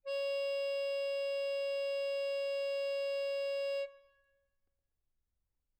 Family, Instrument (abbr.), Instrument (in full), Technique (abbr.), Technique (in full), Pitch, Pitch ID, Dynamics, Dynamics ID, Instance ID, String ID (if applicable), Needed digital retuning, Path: Keyboards, Acc, Accordion, ord, ordinario, C#5, 73, mf, 2, 4, , FALSE, Keyboards/Accordion/ordinario/Acc-ord-C#5-mf-alt4-N.wav